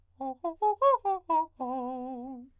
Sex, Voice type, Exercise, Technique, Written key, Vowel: male, countertenor, arpeggios, fast/articulated forte, C major, o